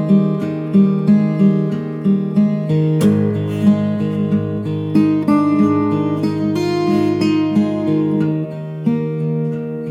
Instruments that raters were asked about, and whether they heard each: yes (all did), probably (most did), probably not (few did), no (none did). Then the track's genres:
guitar: yes
organ: no
drums: no
Pop; Folk; Singer-Songwriter